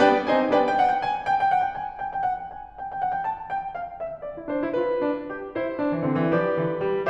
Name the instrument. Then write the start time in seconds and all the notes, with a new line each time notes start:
piano
0.00 G3 B3 D4 B4 D5 G5
0.26 G3 C4 D#4 C5 D#5 G#5
0.48 B3 D4 B4 D5 G5
0.59 G5
0.74 F#5
0.88 G5
1.04 G#5
1.31 G5
1.42 G5
1.52 F#5
1.65 G5
1.78 G#5
2.02 G5
2.14 G5
2.24 F#5
2.38 G5
2.52 G#5
2.80 G5
2.91 G5
3.03 F#5
3.17 G5
3.31 A5
3.53 G5
3.75 F5
3.96 E5
4.24 D5
4.38 E4
4.49 D4 C5
4.63 E4
4.74 F4 B4
5.09 D4
5.32 G4
5.57 E4 C5
5.79 D4
5.91 E3
6.03 D3 C4
6.18 E3
6.34 F3 G4 B4 D5
6.64 D3
6.87 G3